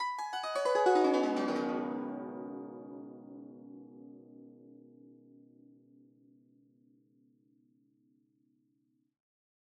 <region> pitch_keycenter=62 lokey=62 hikey=62 volume=7.000000 ampeg_attack=0.004000 ampeg_release=0.300000 sample=Chordophones/Zithers/Dan Tranh/Gliss/Gliss_Dwn_Slw_mf_2.wav